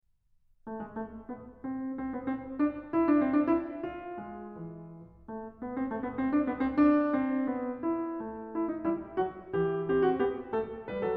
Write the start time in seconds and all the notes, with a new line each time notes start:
0.03 A4
0.50 G#4
0.67 A4
1.23 B4
1.60 C5
1.93 C5
2.14 B4
2.27 C5
2.61 D5
2.95 E5
3.11 D5
3.27 C5
3.44 D5
3.59 E5
3.92 F5
4.25 G#4
4.62 E4
5.29 A4
5.58 B4
5.75 C5
5.89 A4
6.04 B4
6.18 C5
6.36 D5
6.50 B4
6.65 C5
6.83 D5
7.17 C5
7.56 B4
7.92 E5
8.24 A4
8.54 E4
8.70 D#4
8.86 E4 G4
9.19 F#4
9.57 E4 G4
9.91 G4 C5
10.08 F#4
10.24 G4 B4
10.58 A4
10.89 G4 B4
11.05 F#4 A4